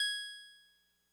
<region> pitch_keycenter=80 lokey=79 hikey=82 tune=-1 volume=13.143784 lovel=66 hivel=99 ampeg_attack=0.004000 ampeg_release=0.100000 sample=Electrophones/TX81Z/Clavisynth/Clavisynth_G#4_vl2.wav